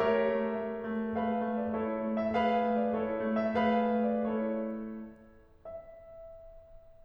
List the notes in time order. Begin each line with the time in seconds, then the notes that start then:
0.00 A3 G4 A#4 C#5 E5
0.33 A3
0.62 A3
0.89 A3
1.15 A3 G#4 B4 F5
1.44 A3
1.59 D5
1.73 A3 E4 A4 C#5
2.04 A3
2.23 E5
2.39 A3 G#4 B4 F5
2.68 A3
2.87 D5
3.00 A3 E4 A4 C#5
3.29 A3
3.48 E5
3.63 A3 G#4 B4 F5
3.94 A3
4.12 D5
4.31 A3 E4 A4 C#5
5.65 E5